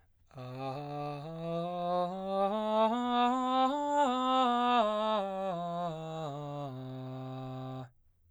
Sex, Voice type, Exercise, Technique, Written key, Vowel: male, baritone, scales, straight tone, , a